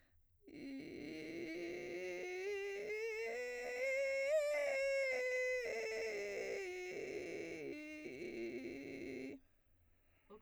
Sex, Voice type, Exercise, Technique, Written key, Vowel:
female, soprano, scales, vocal fry, , i